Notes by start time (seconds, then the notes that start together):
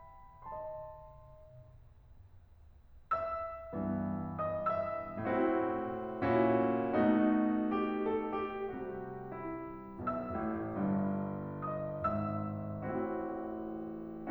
0.00 D#5 A5 C6
3.18 E5 E6
3.73 G2 E3 B3
4.44 D#5 D#6
4.66 E5 E6
5.20 A2 C4 E4 F#4
6.32 A#2 C#4 E4 F#4
7.04 B2 A3 D#4 F#4
7.80 G4
8.03 A4
8.37 G4
8.77 C3 G3 F#4
9.30 E4
10.09 B1 B2 E5 E6
10.37 A1 A2
10.83 G1 G2
11.73 D#5 D#6
12.11 G#1 G#2 E5 E6
12.85 A1 A2 C4 E4 F#4